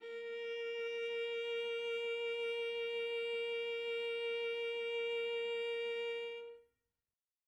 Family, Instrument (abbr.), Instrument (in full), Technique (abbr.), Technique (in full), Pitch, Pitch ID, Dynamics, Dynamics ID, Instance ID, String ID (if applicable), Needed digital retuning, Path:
Strings, Va, Viola, ord, ordinario, A#4, 70, mf, 2, 2, 3, TRUE, Strings/Viola/ordinario/Va-ord-A#4-mf-3c-T11d.wav